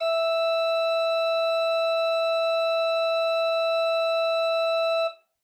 <region> pitch_keycenter=76 lokey=76 hikey=77 volume=5.519128 ampeg_attack=0.004000 ampeg_release=0.300000 amp_veltrack=0 sample=Aerophones/Edge-blown Aerophones/Renaissance Organ/Full/RenOrgan_Full_Room_E4_rr1.wav